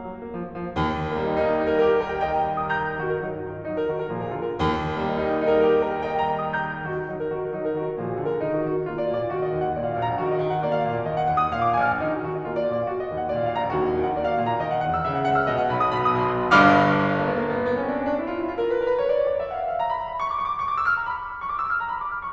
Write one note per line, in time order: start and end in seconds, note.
0.00 0.10 A#3
0.10 0.23 F#3
0.23 0.35 A#3
0.35 0.50 F3
0.51 0.63 A#3
0.64 0.75 F3
0.75 1.99 D#2
1.15 1.99 G3
1.15 1.54 A#3
1.27 1.54 D#4
1.54 2.19 A#3
1.54 1.74 D#4
1.65 1.74 G4
1.74 2.41 D#4
1.74 1.99 G4
1.88 1.99 A#4
2.00 2.65 G4
2.00 2.19 A#4
2.10 2.19 D#5
2.21 2.81 A#4
2.21 2.41 D#5
2.32 2.41 G5
2.41 2.81 D#5
2.41 2.65 G5
2.53 2.65 A#5
2.65 3.03 G5
2.65 2.81 A#5
2.73 2.90 D#6
2.81 3.03 A#5
2.81 3.03 G6
3.03 3.23 D#3
3.03 3.13 F#4
3.13 3.23 A#4
3.24 3.44 F#3
3.24 3.32 D#4
3.33 3.44 A#4
3.45 3.66 D#3
3.45 3.53 F#4
3.56 3.66 A#4
3.67 3.85 F#3
3.67 3.76 D#4
3.76 3.85 A#4
3.85 4.13 D#3
3.85 3.95 F#4
3.95 4.13 A#4
4.13 4.61 A#2
4.13 4.38 F3
4.13 4.23 G#4
4.23 4.38 A#4
4.38 4.61 D3
4.38 4.52 F4
4.52 4.61 A#4
4.61 5.67 D#2
4.98 5.67 G3
4.98 5.17 A#3
5.09 5.17 D#4
5.18 5.85 A#3
5.18 5.42 D#4
5.28 5.42 G4
5.42 6.08 D#4
5.42 5.67 G4
5.51 5.67 A#4
5.67 6.32 G4
5.67 5.85 A#4
5.76 5.85 D#5
5.85 6.61 A#4
5.85 6.08 D#5
5.98 6.08 G5
6.08 6.61 D#5
6.08 6.32 G5
6.20 6.32 A#5
6.32 6.78 G5
6.32 6.61 A#5
6.48 6.69 D#6
6.62 6.78 A#5
6.62 6.78 G6
6.79 7.06 D#3
6.79 6.95 F#4
6.95 7.06 A#4
7.06 7.28 F#3
7.06 7.16 D#4
7.16 7.28 A#4
7.28 7.56 D#3
7.28 7.44 F#4
7.44 7.56 A#4
7.56 7.78 F#3
7.56 7.67 D#4
7.67 7.78 A#4
7.78 8.06 D#3
7.78 7.91 F#4
7.91 8.06 A#4
8.07 8.43 A#2
8.07 8.24 F3
8.07 8.15 G#4
8.16 8.24 A#4
8.25 8.43 D3
8.25 8.34 F4
8.35 8.43 A#4
8.44 8.68 D#3
8.44 8.57 D#4
8.57 8.68 F#4
8.68 8.90 D#3
8.68 8.80 F#4
8.80 8.90 D#5
8.90 9.13 A#3
8.90 9.02 F4
9.02 9.13 D5
9.13 9.36 A#2
9.13 9.25 D5
9.25 9.36 F5
9.36 9.59 D#3
9.36 9.50 F#4
9.50 9.59 D#5
9.60 9.80 D#2
9.60 9.69 D#5
9.71 9.80 F#5
9.82 10.04 A#2
9.82 9.91 D5
9.93 10.04 F5
10.04 10.23 A#1
10.04 10.14 F5
10.14 10.23 G#5
10.23 10.45 D#2
10.23 10.33 F#4
10.33 10.45 D#5
10.45 10.65 D#3
10.45 10.54 D#5
10.54 10.65 F#5
10.65 10.87 A#3
10.65 10.77 D5
10.77 10.87 F5
10.87 11.06 A#2
10.87 10.97 F5
10.98 11.06 G#5
11.08 11.27 D#3
11.08 11.17 D#5
11.18 11.27 F#5
11.28 11.54 D#2
11.28 11.42 F#5
11.42 11.54 D#6
11.54 11.85 A#2
11.54 11.67 F5
11.67 11.85 D6
11.85 12.06 A#1
11.85 11.96 G#5
11.96 12.06 F6
12.06 12.29 D#2
12.06 12.19 D#4
12.19 12.29 F#4
12.29 12.49 D#3
12.29 12.39 F#4
12.39 12.49 D#5
12.50 12.67 A#3
12.50 12.57 F4
12.59 12.67 D5
12.68 12.93 A#2
12.68 12.81 D5
12.83 12.93 F5
12.95 13.13 D#3
12.95 13.04 F#4
13.04 13.13 D#5
13.13 13.32 D#2
13.13 13.21 D#5
13.21 13.32 F#5
13.32 13.56 A#2
13.32 13.42 D5
13.42 13.56 F5
13.56 13.77 A#1
13.56 13.66 F5
13.66 13.77 G#5
13.77 13.98 D#2
13.77 13.87 F#4
13.87 13.98 D#5
13.99 14.22 D#3
13.99 14.12 D#5
14.13 14.22 F#5
14.23 14.42 A#3
14.23 14.32 D5
14.33 14.42 F5
14.42 14.62 A#2
14.42 14.52 F5
14.52 14.62 G#5
14.62 14.86 D#3
14.62 14.73 D#5
14.73 14.86 F#5
14.86 15.07 D#2
14.86 14.98 F#5
14.98 15.07 D#6
15.07 15.27 C#3
15.07 15.17 E5
15.17 15.27 F#5
15.27 15.50 C#2
15.27 15.42 F#5
15.43 15.50 E6
15.51 15.75 B2
15.51 15.75 D#5
15.65 15.88 F#5
15.77 16.09 B1
15.77 16.08 B5
15.96 16.18 D#6
16.09 16.32 B2
16.09 16.29 B5
16.20 16.43 D#6
16.32 16.54 B1
16.32 16.53 B5
16.45 16.54 D#6
16.54 17.15 G1
16.54 17.15 G2
16.54 17.15 F5
16.54 17.15 B5
16.54 17.15 D6
16.54 17.15 F6
17.17 17.35 A#3
17.26 17.43 B3
17.36 17.54 A#3
17.45 17.65 B3
17.55 17.76 A#3
17.66 17.86 B3
17.77 17.97 C#4
17.89 18.09 D4
17.98 18.18 C#4
18.10 18.29 D4
18.19 18.39 E4
18.30 18.47 F4
18.40 18.60 E4
18.49 18.68 F4
18.61 18.76 A#4
18.69 18.85 B4
18.78 18.95 A#4
18.88 19.05 B4
18.98 19.16 C#5
19.08 19.26 D5
19.18 19.37 C#5
19.28 19.48 D5
19.38 19.62 E5
19.50 19.69 F5
19.62 19.82 E5
19.73 19.90 F5
19.83 19.98 A#5
19.92 20.09 B5
20.02 20.17 A#5
20.11 20.27 B5
20.20 20.38 C#6
20.29 20.48 D6
20.39 20.57 C#6
20.50 20.67 D6
20.60 20.77 C#6
20.69 20.92 D6
20.78 21.03 E6
20.94 21.10 F6
21.04 21.21 A#5
21.15 21.33 B5
21.25 21.42 D6
21.34 21.50 F6
21.43 21.59 C#6
21.52 21.72 D6
21.62 21.82 E6
21.73 21.93 F6
21.84 22.00 A#5
21.93 22.12 B5
22.02 22.21 D6
22.13 22.30 F6
22.22 22.33 C#6